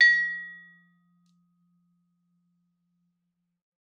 <region> pitch_keycenter=53 lokey=53 hikey=55 volume=6.834340 offset=100 lovel=84 hivel=127 ampeg_attack=0.004000 ampeg_release=15.000000 sample=Idiophones/Struck Idiophones/Vibraphone/Hard Mallets/Vibes_hard_F2_v3_rr1_Main.wav